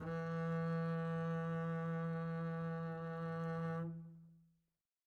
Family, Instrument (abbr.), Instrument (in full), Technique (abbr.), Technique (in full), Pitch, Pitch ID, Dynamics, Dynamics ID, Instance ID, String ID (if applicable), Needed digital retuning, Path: Strings, Cb, Contrabass, ord, ordinario, E3, 52, mf, 2, 2, 3, TRUE, Strings/Contrabass/ordinario/Cb-ord-E3-mf-3c-T14d.wav